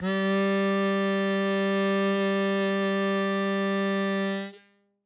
<region> pitch_keycenter=55 lokey=54 hikey=57 volume=4.251149 trigger=attack ampeg_attack=0.100000 ampeg_release=0.100000 sample=Aerophones/Free Aerophones/Harmonica-Hohner-Super64/Sustains/Accented/Hohner-Super64_Accented_G2.wav